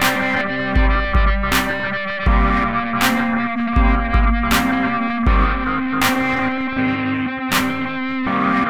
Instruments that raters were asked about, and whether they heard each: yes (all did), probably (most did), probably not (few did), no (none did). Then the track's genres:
guitar: yes
Electronic